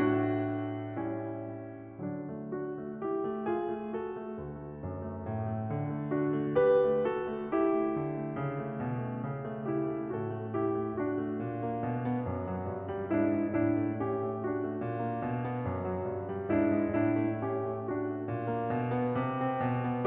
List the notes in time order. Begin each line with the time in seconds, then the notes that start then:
0.00 A2 A3 D4 F#4
1.00 G3 C#4 E4
2.00 D3 F#3 D4
2.19 A3
2.55 D4 F#4
2.82 A3
3.03 E4 G4
3.25 A3
3.45 F4 G#4
3.66 A3
3.90 F#4 A4
4.14 A3
4.34 D2
4.60 A3
4.84 F#2
5.11 A3
5.31 A2
5.53 A3
5.84 D3
6.06 A3
6.25 D4 F#4
6.44 A3
6.62 G4 B4
6.84 A3
7.11 F#4 A4
7.29 A3
7.50 E4 G4
7.70 A3
7.88 D3
8.09 A3
8.34 C#3
8.56 A3
8.77 B2
9.00 A3
9.28 C#3
9.51 A3
9.68 E4 G4
9.93 A3
10.14 A2 F#4 A4
10.43 A3
10.60 E4 G4
10.76 A3
10.95 D4 F#4
11.13 A3
11.34 A#2
11.56 A#3
11.80 B2
12.07 B3
12.27 F#2
12.53 F#3
12.69 G2
12.90 G3
13.08 G#2 D4 E4
13.28 G#3
13.46 A2 D4 E4
13.75 A3
13.96 C#4 G4
14.15 A3
14.36 D4 F#4
14.57 A3
14.74 A#2
14.98 A#3
15.19 B2
15.37 B3
15.60 F#2
15.84 F#3
16.06 G2
16.23 G3
16.50 G#2 D4 E4
16.78 G#3
16.94 A2 D4 E4
17.16 A3
17.44 C#4 G4
17.75 A3
17.94 D4 F#4
18.12 A3
18.32 A#2
18.53 A#3
18.72 B2
18.91 B3
19.17 C3
19.39 C4
19.56 B2
19.75 B3